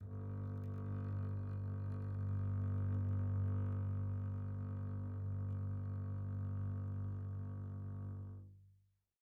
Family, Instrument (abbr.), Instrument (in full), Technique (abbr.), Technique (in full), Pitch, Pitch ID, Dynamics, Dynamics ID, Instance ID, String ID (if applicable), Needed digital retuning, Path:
Strings, Cb, Contrabass, ord, ordinario, G1, 31, pp, 0, 3, 4, TRUE, Strings/Contrabass/ordinario/Cb-ord-G1-pp-4c-T10u.wav